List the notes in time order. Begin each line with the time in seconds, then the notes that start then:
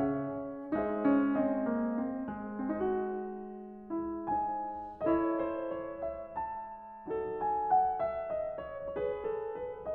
0.00 C#3 C#4 G#4 C#5 E5
0.78 G#3 D#4 G#4 C5 E5
0.87 D#5
1.06 C#4
1.38 C4
1.70 A#3
1.94 C4
2.28 G#3
2.64 C4
2.75 D#4
2.82 F#4
3.91 E4
4.30 D#4 G#4 C5 G#5
5.00 E4 A4 D#5
5.15 C#5
5.42 C5
5.79 C#5
6.08 E5
6.48 A5
7.09 F#3 D#4 A4
7.41 G#5
7.71 F#5
8.02 E5
8.36 D#5
8.66 C#5
8.93 G#4 C#5
9.08 B4
9.26 A4
9.57 B4